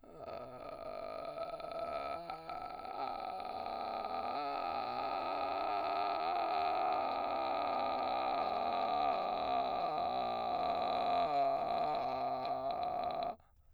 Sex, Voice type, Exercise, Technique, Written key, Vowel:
male, baritone, scales, vocal fry, , a